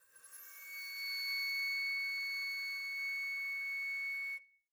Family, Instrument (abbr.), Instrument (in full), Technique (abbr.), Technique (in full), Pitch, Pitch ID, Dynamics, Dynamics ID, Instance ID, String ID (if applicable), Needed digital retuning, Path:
Winds, Fl, Flute, ord, ordinario, C#7, 97, p, 1, 0, , TRUE, Winds/Flute/ordinario/Fl-ord-C#7-p-N-T12u.wav